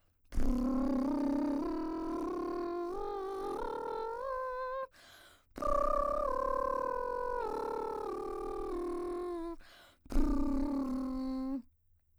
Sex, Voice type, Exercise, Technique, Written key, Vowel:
female, soprano, scales, lip trill, , a